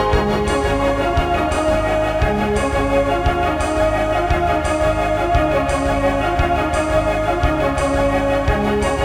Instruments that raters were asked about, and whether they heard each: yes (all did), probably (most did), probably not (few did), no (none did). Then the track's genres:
organ: probably not
Soundtrack; Instrumental